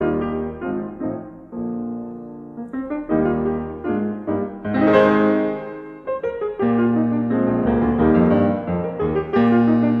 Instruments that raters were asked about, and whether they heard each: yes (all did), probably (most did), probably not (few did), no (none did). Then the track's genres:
piano: yes
drums: no
guitar: probably not
Classical